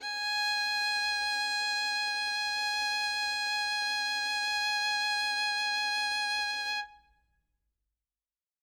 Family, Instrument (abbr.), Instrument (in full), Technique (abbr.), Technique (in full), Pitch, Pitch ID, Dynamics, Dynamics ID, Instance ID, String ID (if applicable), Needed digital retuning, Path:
Strings, Vn, Violin, ord, ordinario, G#5, 80, ff, 4, 1, 2, FALSE, Strings/Violin/ordinario/Vn-ord-G#5-ff-2c-N.wav